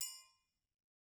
<region> pitch_keycenter=71 lokey=71 hikey=71 volume=16.872004 offset=183 lovel=84 hivel=127 seq_position=1 seq_length=2 ampeg_attack=0.004000 ampeg_release=30.000000 sample=Idiophones/Struck Idiophones/Triangles/Triangle6_HitM_v2_rr1_Mid.wav